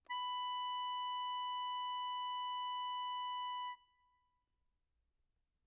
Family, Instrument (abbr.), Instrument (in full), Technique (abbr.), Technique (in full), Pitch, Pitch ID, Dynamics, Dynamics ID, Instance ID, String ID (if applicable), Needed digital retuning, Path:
Keyboards, Acc, Accordion, ord, ordinario, B5, 83, mf, 2, 3, , FALSE, Keyboards/Accordion/ordinario/Acc-ord-B5-mf-alt3-N.wav